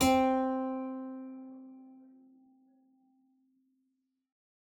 <region> pitch_keycenter=60 lokey=60 hikey=61 volume=-2.726479 trigger=attack ampeg_attack=0.004000 ampeg_release=0.350000 amp_veltrack=0 sample=Chordophones/Zithers/Harpsichord, English/Sustains/Lute/ZuckermannKitHarpsi_Lute_Sus_C3_rr1.wav